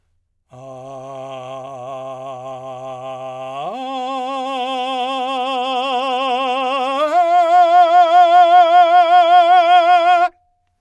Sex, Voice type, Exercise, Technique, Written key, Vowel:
male, , long tones, full voice forte, , a